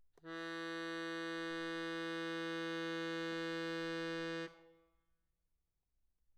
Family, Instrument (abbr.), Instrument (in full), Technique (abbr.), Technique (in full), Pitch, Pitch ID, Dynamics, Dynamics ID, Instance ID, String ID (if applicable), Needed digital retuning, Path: Keyboards, Acc, Accordion, ord, ordinario, E3, 52, mf, 2, 5, , FALSE, Keyboards/Accordion/ordinario/Acc-ord-E3-mf-alt5-N.wav